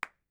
<region> pitch_keycenter=61 lokey=61 hikey=61 volume=4.810288 offset=1126 lovel=0 hivel=54 ampeg_attack=0.004000 ampeg_release=2.000000 sample=Idiophones/Struck Idiophones/Claps/SoloClap_vl1.wav